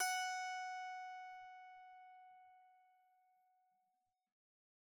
<region> pitch_keycenter=78 lokey=78 hikey=79 tune=-7 volume=16.513891 ampeg_attack=0.004000 ampeg_release=15.000000 sample=Chordophones/Zithers/Psaltery, Bowed and Plucked/Pluck/BowedPsaltery_F#4_Main_Pluck_rr1.wav